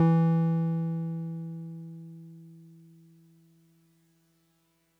<region> pitch_keycenter=52 lokey=51 hikey=54 volume=7.683613 lovel=100 hivel=127 ampeg_attack=0.004000 ampeg_release=0.100000 sample=Electrophones/TX81Z/Piano 1/Piano 1_E2_vl3.wav